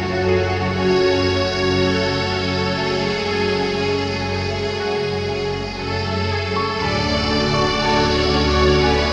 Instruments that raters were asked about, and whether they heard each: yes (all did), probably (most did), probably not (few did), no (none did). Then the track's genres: ukulele: no
accordion: no
Ambient Electronic; Ambient